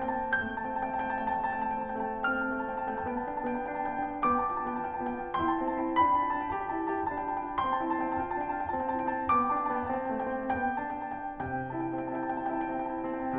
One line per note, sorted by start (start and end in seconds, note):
0.00 0.29 A#3
0.00 0.21 A5
0.09 0.44 C4
0.09 0.33 G5
0.23 0.43 A5
0.30 0.63 A#3
0.30 0.55 G5
0.46 0.85 A3
0.46 0.68 A5
0.46 0.71 G6
0.60 1.11 C4
0.60 0.92 G5
0.72 1.09 A5
0.89 1.31 A3
0.89 1.30 G5
1.11 1.45 C4
1.11 1.36 A5
1.30 1.81 A3
1.30 1.52 G5
1.40 1.79 A5
1.47 1.97 C4
1.52 1.90 G5
1.81 2.15 A3
1.81 2.03 A5
1.96 2.31 C4
1.96 2.21 G5
2.10 2.28 A5
2.17 2.47 A3
2.17 2.41 G5
2.35 2.64 C4
2.35 2.55 A5
2.35 4.19 F6
2.46 2.97 A3
2.46 2.75 G5
2.58 2.95 A5
2.68 3.23 C4
2.76 3.19 G5
2.98 3.41 B3
2.98 3.29 A5
3.19 3.53 D4
3.19 3.44 G5
3.31 3.52 A5
3.41 3.67 B3
3.41 3.63 G5
3.55 3.83 D4
3.55 3.70 A5
3.65 4.18 B3
3.65 3.94 G5
3.78 4.18 A5
3.84 4.47 D4
3.95 4.44 G5
4.20 4.64 B3
4.20 4.54 A5
4.20 5.35 D6
4.46 4.84 F4
4.46 4.73 G5
4.57 4.86 A5
4.68 5.03 B3
4.75 5.00 G5
4.88 5.20 F4
4.88 5.13 A5
5.03 5.22 G5
5.09 5.35 B3
5.15 5.32 A5
5.21 5.58 F4
5.21 5.58 G5
5.39 5.77 E4
5.39 5.69 A5
5.39 5.97 C6
5.58 5.98 C4
5.58 5.83 G5
5.72 5.91 A5
5.79 6.22 E4
5.84 6.20 G5
6.00 6.39 D4
6.00 6.29 A5
6.00 7.57 B5
6.21 6.42 G5
6.26 6.52 F4
6.33 6.50 A5
6.40 6.65 D4
6.44 6.64 G5
6.54 6.88 G4
6.54 6.79 A5
6.64 6.91 G5
6.77 7.16 E4
6.83 7.11 A5
6.90 7.30 G4
6.90 7.26 G5
7.19 7.42 D4
7.19 7.34 A5
7.28 7.57 F4
7.28 7.45 G5
7.37 7.55 A5
7.44 7.73 D4
7.44 7.71 G5
7.58 7.95 C4
7.58 7.86 A5
7.58 9.28 C6
7.72 8.07 G5
7.80 8.28 E4
7.88 8.25 A5
7.96 8.39 C4
8.17 8.38 G5
8.30 8.53 F4
8.30 8.44 A5
8.38 8.70 D4
8.38 8.54 G5
8.48 8.67 A5
8.53 8.92 F4
8.58 8.88 G5
8.70 9.10 C4
8.70 8.95 A5
8.89 9.28 E4
8.89 9.14 G5
9.06 9.22 A5
9.11 9.52 C4
9.11 9.49 G5
9.29 9.66 B3
9.29 9.57 A5
9.29 10.54 D6
9.50 9.90 D4
9.50 9.71 G5
9.59 9.82 A5
9.68 10.09 B3
9.68 10.07 G5
9.91 10.30 C4
9.91 10.14 A5
10.08 10.55 A3
10.08 10.43 G5
10.25 10.53 A5
10.40 10.91 C4
10.40 10.55 G5
10.55 11.26 B3
10.55 10.76 G5
10.55 10.97 A5
10.76 11.28 G5
10.91 11.40 D4
11.18 11.38 A5
11.26 11.70 B3
11.31 11.68 G5
11.54 11.99 C3
11.54 11.76 A5
11.68 12.14 G5
11.74 12.45 E4
11.88 12.43 A5
12.00 12.67 C4
12.14 12.63 G5
12.46 12.79 E4
12.46 12.71 A5
12.63 12.82 G5
12.68 12.95 C4
12.74 12.91 A5
12.81 13.11 E4
12.81 13.06 G5
12.96 13.24 C4
12.96 13.14 A5
13.07 13.35 E4
13.07 13.25 G5
13.18 13.34 A5
13.24 13.39 C4
13.24 13.39 G5